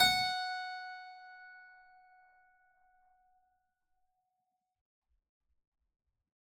<region> pitch_keycenter=78 lokey=78 hikey=78 volume=1.883148 trigger=attack ampeg_attack=0.004000 ampeg_release=0.400000 amp_veltrack=0 sample=Chordophones/Zithers/Harpsichord, Unk/Sustains/Harpsi4_Sus_Main_F#4_rr1.wav